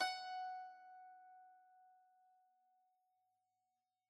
<region> pitch_keycenter=78 lokey=77 hikey=79 volume=17.162218 lovel=0 hivel=65 ampeg_attack=0.004000 ampeg_release=0.300000 sample=Chordophones/Zithers/Dan Tranh/Normal/F#4_mf_1.wav